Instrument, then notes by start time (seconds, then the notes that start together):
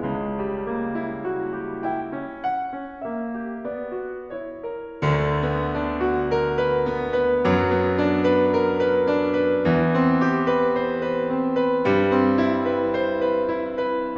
piano
0.00 C#2 C#3
0.39 G3
0.70 A#3
0.94 E4
1.23 F#4
1.60 G4
1.90 E4 G5
2.19 C#4
2.46 F#5
2.84 C4
3.07 A#3 E5
3.41 G4
3.67 B3 D5
3.95 F#4
4.30 E4 C#5
4.61 A#4
5.04 D2 D3
5.45 B3
5.70 D4
6.05 F#4
6.34 A#4
6.56 B4
6.85 B3
7.13 B4
7.42 F#2 F#3
7.74 B3
8.00 D4
8.28 B4
8.50 A#4
8.68 B4
8.87 D4
9.33 B4
9.65 E2 E3
9.94 C4
10.22 G4
10.47 B4
10.75 C5
11.04 B4
11.24 C4
11.59 B4
11.84 G2 G3
12.19 C4
12.42 E4
12.68 B4
12.96 C5
13.19 B4
13.42 E4
13.68 B4